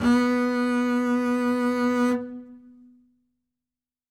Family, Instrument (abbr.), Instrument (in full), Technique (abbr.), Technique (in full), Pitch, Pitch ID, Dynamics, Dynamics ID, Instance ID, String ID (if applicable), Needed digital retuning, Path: Strings, Cb, Contrabass, ord, ordinario, B3, 59, ff, 4, 0, 1, FALSE, Strings/Contrabass/ordinario/Cb-ord-B3-ff-1c-N.wav